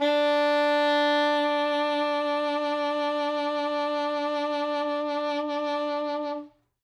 <region> pitch_keycenter=62 lokey=61 hikey=64 tune=1 volume=9.325023 ampeg_attack=0.004000 ampeg_release=0.500000 sample=Aerophones/Reed Aerophones/Saxello/Vibrato/Saxello_SusVB_MainSpirit_D3_vl2_rr1.wav